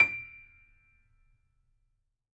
<region> pitch_keycenter=98 lokey=98 hikey=99 volume=1.628720 lovel=66 hivel=99 locc64=0 hicc64=64 ampeg_attack=0.004000 ampeg_release=0.400000 sample=Chordophones/Zithers/Grand Piano, Steinway B/NoSus/Piano_NoSus_Close_D7_vl3_rr1.wav